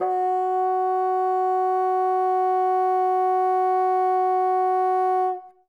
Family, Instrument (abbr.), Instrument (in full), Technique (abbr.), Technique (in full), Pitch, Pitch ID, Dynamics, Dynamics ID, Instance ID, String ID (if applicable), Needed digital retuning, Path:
Winds, Bn, Bassoon, ord, ordinario, F#4, 66, ff, 4, 0, , FALSE, Winds/Bassoon/ordinario/Bn-ord-F#4-ff-N-N.wav